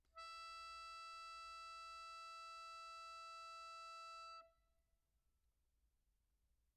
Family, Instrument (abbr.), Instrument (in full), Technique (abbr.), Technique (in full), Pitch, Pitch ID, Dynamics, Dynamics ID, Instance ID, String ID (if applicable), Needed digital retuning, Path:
Keyboards, Acc, Accordion, ord, ordinario, E5, 76, pp, 0, 0, , FALSE, Keyboards/Accordion/ordinario/Acc-ord-E5-pp-N-N.wav